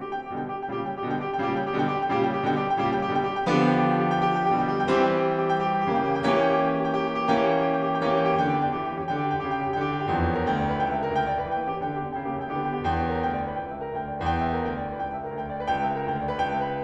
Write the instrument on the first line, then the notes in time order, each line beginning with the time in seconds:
piano
0.00 G4
0.10 G5
0.19 G4
0.34 B2 D3 G3 G5
0.45 G4
0.57 G5
0.67 A#2 C#3 G3 G4
0.80 G5
0.89 G4
1.04 B2 D3 G3 G5
1.15 G4
1.28 G5
1.38 A#2 C#3 G3 G4
1.49 G5
1.59 G4
1.76 B2 D3 G3 G5
1.89 G4
1.99 G5
2.15 A#2 C#3 G3 G4
2.25 G5
2.36 G4
2.46 B2 D3 G3 G5
2.57 G4
2.72 G5
2.81 A#2 C#3 G3 G4
2.93 G5
3.05 G4
3.17 B2 D3 G3 G5
3.29 G4
3.38 G5
3.47 D3 F3 B3 G4
3.63 G5
3.77 G4
3.88 G5
4.02 G4
4.12 G5
4.25 G4
4.34 G5
4.45 G4
4.54 B2 D3 G3 G5
4.68 G4
4.79 G5
4.93 E3 G3 C4 G4
5.07 G5
5.18 G4
5.26 G5
5.40 G4
5.50 G5
5.64 G4
5.75 G5
5.87 G4
5.97 C#3 E3 A#3 G5
6.12 G4
6.23 G5
6.33 E3 A#3 C#4 G4
6.51 G5
6.70 G4
6.79 G5
6.90 G4
6.99 G5
7.11 G4
7.22 G5
7.31 G4
7.42 E3 A#3 C#4 G5
7.52 G4
7.69 G5
7.79 G4
7.91 G5
8.03 G4
8.15 E3 A#3 C#4 G5
8.25 G4
8.36 G5
8.48 D3 G4
8.60 B3 G5
8.70 D4 G4
8.82 E3 G5
8.93 A#3 G4
9.03 C#4 G5
9.16 D3 G4
9.26 B3 G5
9.36 D4 G4
9.46 C#3 G5
9.57 A#3 G4
9.72 E4 G5
9.81 D3 G4
9.97 B3 G5
10.08 D4 G4
10.15 E2 G5
10.25 C#5
10.36 A#4
10.48 D2 G5
10.58 D5
10.68 B4
10.77 C#2 G5
10.87 E5
11.03 A#4
11.12 D2 G5
11.28 D5
11.41 B4
11.53 E3 G5
11.66 A#3 G4
11.78 C#4 G5
11.90 D3 G4
12.05 B3 G5
12.14 D4 G4
12.24 C#3 G5
12.33 A#3 G4
12.43 E4 G5
12.53 D3 G4
12.62 B3 G5
12.75 D4 G4
12.86 E2 G5
13.01 C#5
13.12 A#4
13.22 D2 G5
13.33 D5
13.47 B4
13.58 C#2 G5
13.68 E5
13.79 A#4
13.89 D2 G5
14.01 D5
14.15 B4
14.25 E2 G5
14.37 C#5
14.48 A#4
14.58 D2 G5
14.71 D5
14.83 B4
14.97 C#2 G5
15.07 E5
15.17 A#4
15.33 D2 G5
15.45 D5
15.56 B4
15.66 C#2 G5
15.77 E5
15.86 A#4
15.96 D2 G5
16.10 D5
16.25 B4
16.37 C#2 G5
16.51 E5
16.67 A#4